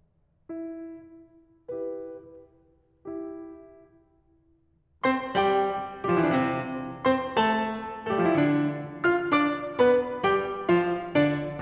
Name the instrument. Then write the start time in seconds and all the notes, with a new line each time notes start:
piano
0.51 E4
1.74 E4 G4 B4
3.10 E4 G4
5.04 C4 C5 C6
5.35 G3 G4 G5
6.06 G3 G4
6.13 F3 F4
6.19 E3 E4
6.24 D3 D4
6.31 C3 C4
7.11 C4 C5 C6
7.37 A3 A4 A5
8.08 A3 A4
8.14 G3 G4
8.21 F3 F4
8.26 E3 E4
8.30 D3 D4
9.10 F4 F5 F6
9.35 D4 D5 D6
9.79 B3 B4 B5
10.24 G3 G4 G5
10.74 F3 F4 F5
11.17 D3 D4 D5